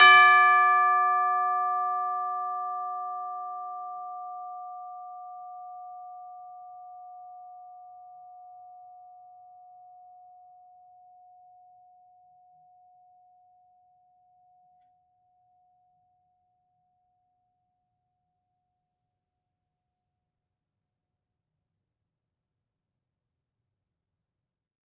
<region> pitch_keycenter=74 lokey=74 hikey=75 volume=1.641430 lovel=84 hivel=127 ampeg_attack=0.004000 ampeg_release=30.000000 sample=Idiophones/Struck Idiophones/Tubular Bells 2/TB_hit_D5_v4_1.wav